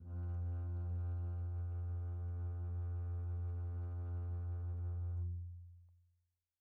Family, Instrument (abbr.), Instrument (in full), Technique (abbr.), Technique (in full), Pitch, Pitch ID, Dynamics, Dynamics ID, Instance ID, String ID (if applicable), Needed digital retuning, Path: Strings, Cb, Contrabass, ord, ordinario, F2, 41, pp, 0, 3, 4, FALSE, Strings/Contrabass/ordinario/Cb-ord-F2-pp-4c-N.wav